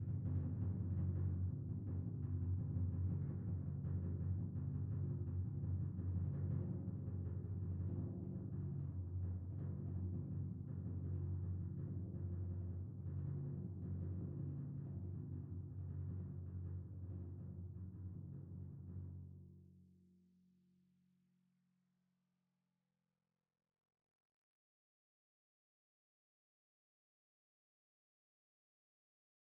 <region> pitch_keycenter=42 lokey=41 hikey=44 tune=-11 volume=28.303283 lovel=0 hivel=83 ampeg_attack=0.004000 ampeg_release=1.000000 sample=Membranophones/Struck Membranophones/Timpani 1/Roll/Timpani1_Roll_v3_rr1_Sum.wav